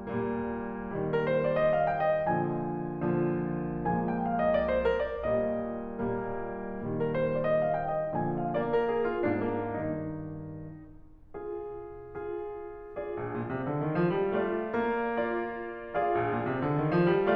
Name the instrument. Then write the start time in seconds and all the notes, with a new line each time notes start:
piano
0.00 A#2 G3 A#3
0.78 A#2 D#3 G3
0.98 A#4
1.18 C5
1.40 D5
1.57 D#5
1.74 F5
1.90 G5
2.05 D#5
2.26 A#2 D3 F3 G#5
3.05 A#2 D3 F3
3.84 A#2 F3 G#3 A#3 G#5
3.99 G5
4.21 F5
4.38 D#5
4.54 D5
4.73 C5
4.85 A#4
5.02 D5
5.22 A#2 G3 A#3 D#5
5.97 A#2 G3 A#3
6.66 A#2 D#3 G3
6.86 A#4
7.07 C5
7.24 D5
7.44 D#5
7.63 F5
7.79 G5
7.98 D#5
8.14 A#2 D3 F3 G#5
8.31 F5
8.50 A#3 D5
8.72 A#4
8.89 G#4
9.04 F4
9.25 A#2 A#3 D4
9.50 A#3
9.72 G2 D#3 D#4
11.33 F4 G#4
12.11 F4 G#4
12.90 F4 G#4 D5
13.13 A#1
13.29 A#2
13.49 C3
13.65 D3
13.86 D#3
14.04 F3
14.16 G3
14.34 A3 D4 D5
14.72 A#3
15.09 D4 D5
15.92 F4 G#4 D5 F5
16.09 A#1
16.24 A#2
16.43 C3
16.61 D3
16.76 D#3
16.96 F3
17.15 G3